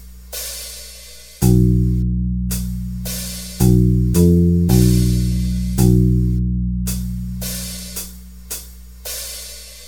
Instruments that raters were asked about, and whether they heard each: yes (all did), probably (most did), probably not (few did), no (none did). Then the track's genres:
bass: yes
Metal